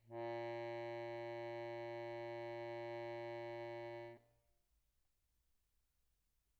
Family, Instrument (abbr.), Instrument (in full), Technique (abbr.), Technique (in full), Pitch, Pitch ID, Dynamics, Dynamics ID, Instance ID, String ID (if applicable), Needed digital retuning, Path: Keyboards, Acc, Accordion, ord, ordinario, A#2, 46, pp, 0, 0, , FALSE, Keyboards/Accordion/ordinario/Acc-ord-A#2-pp-N-N.wav